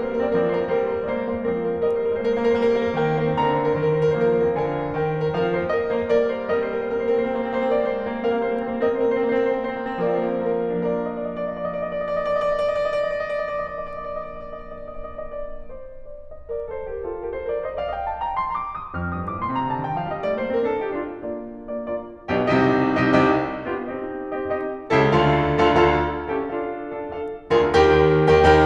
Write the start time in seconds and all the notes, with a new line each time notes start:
0.00 G3 A#3 A#4
0.08 C4 C5
0.16 A#3 A#4
0.24 C4 C5
0.35 F3 A#3 A#4 D5
0.43 C4 C5
0.51 A#3 A#4
0.58 C4 C5
0.66 G3 A#3 A#4
0.74 C4 C5
0.84 A#3 A#4
0.96 C4 C5
1.11 G#3 A#3 A#4
1.22 C4 C5
1.30 A#3 A#4
1.38 C4 C5
1.46 F3 A#3 A#4
1.57 C4 C5
1.64 A#3 A#4
1.73 C4 C5
1.82 G3 A#3 A#4 D#5
1.95 C4 C5
2.02 A#3 A#4
2.09 C4 C5
2.23 G#3 A#3 A#4
2.30 C4 C5
2.37 A#3 A#4
2.44 C4 C5
2.54 G3 A#3 A#4
2.64 C4 C5
2.77 A#3 A#4
2.90 C4 C5
3.05 D#3 A#3 A#4 G5
3.18 C4 C5
3.27 A#3 A#4
3.37 C4 C5
3.44 D3 A#3 A#4 A#5
3.51 C4 C5
3.59 A#3 A#4
3.74 C4 C5
3.81 D#3 A#3 A#4
3.96 C4 C5
4.05 A#3 A#4
4.13 C4 C5
4.24 F3 A#3 A#4
4.34 C4 C5
4.42 A#3 A#4
4.54 C4 C5
4.64 D3 A#3 A#4 G#5
4.71 C4 C5
4.81 A#3 A#4
4.88 C4 C5
4.96 D#3 A#3 A#4 G5
5.03 C4 C5
5.10 A#3 A#4
5.18 C4 C5
5.26 F3 A#3 A#4 F5
5.36 C4 C5
5.51 A#3 A#4
5.62 C4 C5
5.71 G3 A#3 A#4 D#5
5.78 C4 C5
5.85 A#3 A#4
5.92 C4 C5
6.01 G#3 A#3 A#4 D5
6.18 C4 C5
6.28 A#3 A#4
6.37 C4 C5
6.44 G3 A#3 A#4 D#5
6.52 C4 C5
6.83 A#3 A#4
6.98 C4 C5
7.14 A#3 A#4
7.29 C4 C5
7.49 A#3 A#4
7.56 C4 C5
7.63 A#3 A#4
7.73 C4 C5
7.83 A#3 A#4
7.95 C4 C5
8.03 A#3 A#4 D5
8.09 C4 C5
8.19 A#3 A#4
8.25 C4 C5
8.32 G3 A#3 A#4 F5
8.39 C4 C5
8.50 A#3 A#4
8.60 C4 C5
8.72 A#3 A#4 D#5
8.84 C4 C5
8.97 A#3 A#4
9.21 C4 C5
9.44 A#3 A#4
9.51 C4 C5
9.80 A#3 A#4
9.91 C4 C5
10.17 F3 A#3 A#4 D5
10.34 C4 C5
10.47 A#3 A#4
10.60 C4 C5
10.70 F3 A#3 D4 A#4 D5
10.81 D#5
10.94 D5
11.04 D#5
11.12 D5
11.26 D#5
11.39 D5
11.53 D#5
11.62 D5
11.74 D#5
11.91 D5
12.06 D#5
12.14 D5
12.23 D#5
12.29 D5
13.39 D#5
13.48 D5
13.60 D#5
13.66 D5
13.76 D#5
13.84 D5
13.91 D#5
13.99 D5
14.13 D#5
14.20 D5
14.40 D#5
14.97 D5
15.06 D#5
15.13 D5
15.23 D#5
15.34 D5
15.41 C5
16.02 D5
16.32 D#5
16.49 A#4 D5
16.70 A4 C5
16.90 G4 A#4
17.08 F4 A4
17.19 G4 A#4
17.36 A4 C5
17.48 A#4 D5
17.60 C5 D#5
17.75 D5 F5
17.90 D#5 G5
18.07 F5 A5
18.20 G5 A#5
18.34 A5 C6
18.48 A#5 D6
18.72 D#6
18.94 F2 F6
19.14 G2 D#6
19.28 A2 D6
19.38 A#2 C6
19.52 C3 A#5
19.69 D3 A5
19.83 D#3 G5
19.96 F3 F5
20.09 G3 D#5
20.22 A3 D5
20.36 A#3 C5
20.53 C4 A#4
20.65 D4 A4
20.79 D#4 G4
20.96 D4 F4
21.13 A#3 D4 F4 D5
21.68 A#3 D4 F4
21.86 A#3 D4 F4 D5
22.33 B1 B2 D4 F4 G4
22.48 C2 C3 D#4 G4 D#5
23.15 C2 C3 D#4 G4 D#5
23.29 C2 C3 D#4 G4 D#5
23.68 B3 D4 F4 G4
23.88 C4 D#4 G4 D#5
24.35 C4 D#4 G4 D#5
24.49 C4 D#4 G4 D#5
24.95 C#2 C#3 E4 G4 A4
25.14 D2 D3 F4 A4 F5
25.66 D2 D3 F4 A4 F5
25.83 D2 D3 F4 A4 F5
26.31 C#4 E4 G4 A4
26.51 D4 F4 A4 F5
26.84 D4 F4 A4 F5
26.99 D4 F4 A4 F5
27.52 D2 D3 F4 G#4 A#4
27.70 D#2 D#3 G4 A#4 G5
28.20 D#2 D#3 G4 A#4 G5
28.34 D#2 D#3 G4 A#4 G5